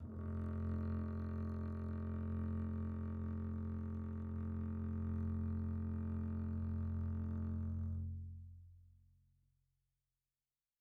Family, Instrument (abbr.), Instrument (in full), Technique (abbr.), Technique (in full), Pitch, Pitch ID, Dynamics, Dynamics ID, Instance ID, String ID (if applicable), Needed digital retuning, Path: Strings, Cb, Contrabass, ord, ordinario, F1, 29, pp, 0, 3, 4, FALSE, Strings/Contrabass/ordinario/Cb-ord-F1-pp-4c-N.wav